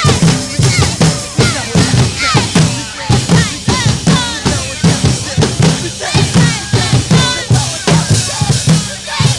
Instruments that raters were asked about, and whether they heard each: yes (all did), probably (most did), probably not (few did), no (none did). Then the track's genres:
guitar: probably not
cello: no
drums: yes
cymbals: yes
Noise-Rock